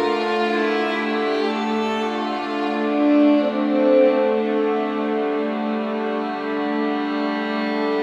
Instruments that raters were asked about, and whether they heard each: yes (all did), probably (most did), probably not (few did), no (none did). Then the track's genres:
violin: yes
accordion: no
drums: no
cello: yes
Classical